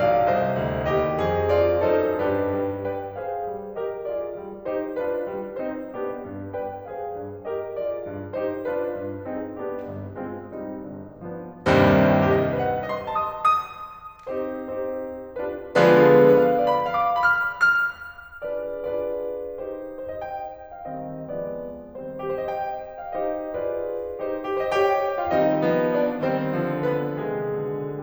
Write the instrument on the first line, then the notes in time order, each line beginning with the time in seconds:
piano
0.00 B1 D5 F5
0.31 C2 C5 D#5
0.65 D2
0.93 D#2 G4 D#5
1.21 F2 G#4
1.53 F4 D5
1.83 F#2 D#4 A4 C5
2.21 G2 D4 G4 B4
2.52 G3
2.89 B4 D5 G5
3.20 G#4 C5 F5
3.51 G3
3.77 G4 A#4 D#5
4.11 F4 G#4 D5
4.40 G3
4.66 D#4 G4 C5
4.97 D4 F4 B4
5.22 G3
5.58 C4 D#4 G#4
5.89 B3 D4 G4
6.23 G2
6.55 B4 D5 G5
6.90 G#4 C5 F5
7.15 G2
7.43 G4 A#4 D#5
7.74 F4 G#4 D5
8.09 G2
8.35 D#4 G4 C5
8.67 D4 F4 B4
8.95 G2
9.29 C4 D#4 G#4
9.58 B3 D4 G4
9.86 G1 G2
10.16 G#3 C4 F4
10.53 G3 C4 D#4
10.87 G1 G2
11.28 F3 B3 D4
11.69 C2 D#2 G2 C3 D#3 G3 C4
12.32 G4
12.40 D#5
12.68 C5
12.75 G5
12.97 D#5
13.04 C6
13.27 G5
13.34 D#6
13.65 D#6
14.29 C4 D#4 G4 C5
14.72 C4 D#4 G4 C5
15.44 D4 F4 G4 B4
15.84 D3 F3 G#3 B3 D4 F4 G#4 B4
16.32 B4
16.42 F5
16.64 D5
16.73 B5
16.96 F5
17.06 D6
17.29 B5
17.39 F6
17.77 F6
18.46 D4 F4 G#4 B4 D5
18.91 D4 F4 G#4 B4 D5
19.61 D#4 G4 C5
20.04 C5 D#5
20.17 G5
20.72 F5
20.93 D#3 G3 C4 D#5
21.27 F3 G#3 B3 D5
21.97 D#3 G3 C4 C5
22.28 G4
22.33 C5
22.45 D#5 G5
23.07 F5
23.24 C4 D#4 D#5
23.55 D4 F4 B4 D5
24.17 C4 D#4 C5
24.51 G4
24.56 C5
24.64 D#5
24.69 G4 G5
25.21 F4 F5
25.34 D#3 G3 C4 D#4 D#5
25.66 F3 G#3 B3
25.95 D4 D5
26.23 D#3 G3 C4 C5
26.47 D3 F3
26.84 B3 B4
27.17 C3 D#3 G#3 G#4
27.59 B2 D3